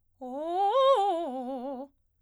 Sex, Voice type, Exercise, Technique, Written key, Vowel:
female, soprano, arpeggios, fast/articulated piano, C major, o